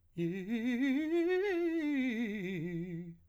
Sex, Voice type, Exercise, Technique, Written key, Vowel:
male, , scales, fast/articulated piano, F major, i